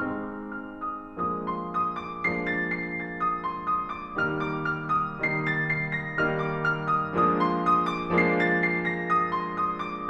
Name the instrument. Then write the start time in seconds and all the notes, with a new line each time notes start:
piano
0.01 G#3 C4 D#4 F6
0.34 D6
0.59 F6
0.84 D#6
1.10 F3 G#3 A#3 D4 D#6
1.36 C6
1.58 D#6
1.86 D6
2.12 F3 G#3 A#3 D4 C7
2.34 A6
2.61 C7
2.92 A#6
3.16 D#6
3.41 C6
3.66 D#6
3.91 D6
4.17 D#3 G3 A#3 D#4 F6
4.44 D6
4.68 F6
4.92 D#6
5.17 D#3 G3 A#3 D#4 C7
5.39 A6
5.68 C7
5.97 A#6
6.19 D#3 G3 A#3 D#4 F6
6.37 D6
6.61 F6
6.88 D#6
7.15 F3 G#3 A#3 D4 D#6
7.40 C6
7.66 D#6
7.92 D6
8.16 F3 G#3 A#3 D4 C7
8.33 A6
8.55 C7
8.77 A#6
9.04 D#6
9.31 C6
9.57 D#6
9.85 D6